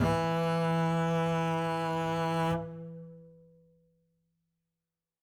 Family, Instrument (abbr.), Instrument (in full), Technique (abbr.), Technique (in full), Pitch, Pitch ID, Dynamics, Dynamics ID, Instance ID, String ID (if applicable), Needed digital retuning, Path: Strings, Cb, Contrabass, ord, ordinario, E3, 52, ff, 4, 1, 2, TRUE, Strings/Contrabass/ordinario/Cb-ord-E3-ff-2c-T16u.wav